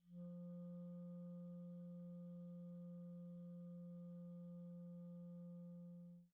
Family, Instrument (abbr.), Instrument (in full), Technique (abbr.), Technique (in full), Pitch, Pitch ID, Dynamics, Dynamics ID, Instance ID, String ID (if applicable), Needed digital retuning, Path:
Winds, ClBb, Clarinet in Bb, ord, ordinario, F3, 53, pp, 0, 0, , TRUE, Winds/Clarinet_Bb/ordinario/ClBb-ord-F3-pp-N-T10d.wav